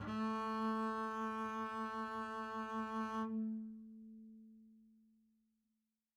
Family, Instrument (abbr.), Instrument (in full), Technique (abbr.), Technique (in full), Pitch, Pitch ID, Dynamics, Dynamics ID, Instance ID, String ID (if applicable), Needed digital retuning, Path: Strings, Cb, Contrabass, ord, ordinario, A3, 57, mf, 2, 0, 1, FALSE, Strings/Contrabass/ordinario/Cb-ord-A3-mf-1c-N.wav